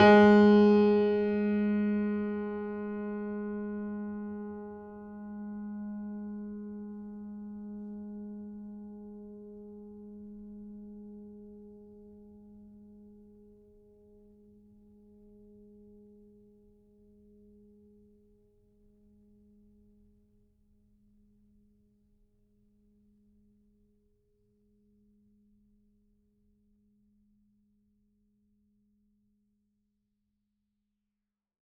<region> pitch_keycenter=56 lokey=56 hikey=57 volume=0.581765 lovel=66 hivel=99 locc64=65 hicc64=127 ampeg_attack=0.004000 ampeg_release=0.400000 sample=Chordophones/Zithers/Grand Piano, Steinway B/Sus/Piano_Sus_Close_G#3_vl3_rr1.wav